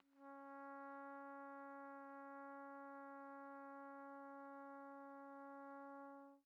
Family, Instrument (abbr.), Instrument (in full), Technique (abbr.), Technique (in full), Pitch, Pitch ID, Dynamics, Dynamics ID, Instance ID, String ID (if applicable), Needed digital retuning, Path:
Brass, TpC, Trumpet in C, ord, ordinario, C#4, 61, pp, 0, 0, , TRUE, Brass/Trumpet_C/ordinario/TpC-ord-C#4-pp-N-T11u.wav